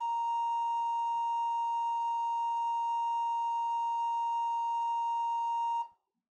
<region> pitch_keycenter=70 lokey=70 hikey=71 ampeg_attack=0.004000 ampeg_release=0.300000 amp_veltrack=0 sample=Aerophones/Edge-blown Aerophones/Renaissance Organ/4'/RenOrgan_4foot_Room_A#3_rr1.wav